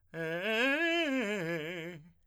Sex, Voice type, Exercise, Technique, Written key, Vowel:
male, tenor, arpeggios, fast/articulated piano, F major, e